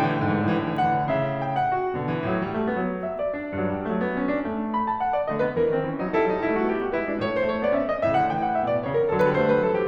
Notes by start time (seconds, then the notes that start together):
0.00 A2 D3 G5
0.05 E3
0.12 D3
0.23 E3
0.29 G#2 D3
0.35 E3
0.39 D3
0.53 E3
0.58 A2 D3
0.64 E3
0.70 D3
0.74 E3
0.81 D3 F#5
0.87 E3
0.92 C#3
0.98 D3
1.02 C#3 E5
1.39 G5
1.56 F#5
1.67 F#4
1.97 B2 D3
2.10 E3
2.26 A2 F#3
2.46 G3
2.58 A3
2.67 B3
2.81 F#3
3.07 E5
3.20 D5
3.31 D4
3.55 G2 F#3
3.68 G3
3.88 F#3 A3
4.05 B3
4.20 C#4
4.33 D4
4.45 A3
4.77 B5
4.91 A5
5.05 F#5
5.14 D5
5.26 D3 A3 C#5
5.35 B3 B4
5.55 E3 C#4 A#4
5.70 D#3 C4
5.85 E3 C#4
5.97 F#3 D#4
6.08 G3 E4 A4
6.22 F#3 D#4
6.36 G3 E4
6.46 A3 F#4
6.71 B3 G4
6.85 A3 F#4
6.97 G3 E4 B4
7.11 G#3 D4
7.21 A2 A3 C#5
7.33 G#3 C5
7.50 A3 C#5
7.62 B3 D5
7.76 C#4 E5
7.88 D#5
8.00 A2 C#3 E5
8.17 D3 F#5
8.28 E3 G5
8.42 F#5
8.56 B2 E5
8.66 D5
8.78 C#3 C#5
8.90 A#4
9.08 D3 F#3 A4
9.20 G3 B4
9.39 A3 C5
9.53 G3 B4
9.64 F#3 A4
9.78 E3 G4